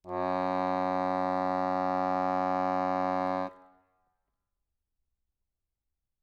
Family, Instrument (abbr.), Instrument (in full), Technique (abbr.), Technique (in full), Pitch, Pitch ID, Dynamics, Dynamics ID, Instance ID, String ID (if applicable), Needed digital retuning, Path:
Keyboards, Acc, Accordion, ord, ordinario, F#2, 42, ff, 4, 0, , FALSE, Keyboards/Accordion/ordinario/Acc-ord-F#2-ff-N-N.wav